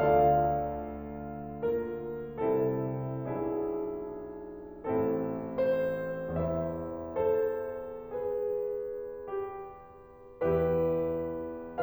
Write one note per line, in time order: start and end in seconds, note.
0.00 2.31 D2
0.00 2.31 D3
0.00 1.63 F4
0.00 1.63 A4
0.00 1.63 D5
0.00 1.63 F5
1.65 2.31 A#3
1.65 2.31 F4
1.65 2.31 A#4
2.35 3.24 C2
2.35 3.24 C3
2.35 3.24 C4
2.35 3.24 E4
2.35 3.24 A4
3.27 4.83 B1
3.27 4.83 B2
3.27 4.83 D4
3.27 4.83 E4
3.27 4.83 G#4
4.85 6.43 A1
4.85 6.43 A2
4.85 6.43 C4
4.85 6.43 E4
4.85 5.55 A4
5.56 6.43 C5
6.46 10.38 E1
6.46 10.38 E2
6.46 7.15 E4
6.46 7.15 C5
6.46 7.15 E5
7.24 8.01 A4
7.24 8.01 C5
8.10 9.29 G#4
8.10 10.38 B4
9.40 10.38 G4
10.41 11.81 E2
10.41 11.81 E3
10.41 11.81 E4
10.41 11.81 G4
10.41 11.81 B4